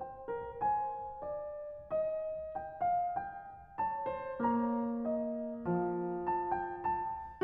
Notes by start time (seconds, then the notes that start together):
0.00 C5 G5
0.30 A#4
0.64 C5 G#5
1.24 D5
1.94 D#5
2.55 G5
2.82 F5
3.20 G5
3.92 C#5 A5
4.17 C5
4.41 A#3 C#5 A#5
5.07 D#5
5.67 F3 F5
6.30 A5
6.55 G5
6.94 A5